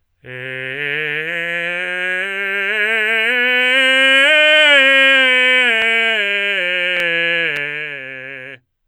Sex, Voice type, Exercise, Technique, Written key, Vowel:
male, tenor, scales, belt, , e